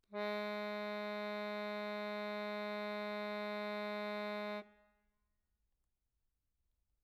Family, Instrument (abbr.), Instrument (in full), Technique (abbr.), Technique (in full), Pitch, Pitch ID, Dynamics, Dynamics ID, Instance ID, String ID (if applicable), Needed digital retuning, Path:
Keyboards, Acc, Accordion, ord, ordinario, G#3, 56, mf, 2, 0, , FALSE, Keyboards/Accordion/ordinario/Acc-ord-G#3-mf-N-N.wav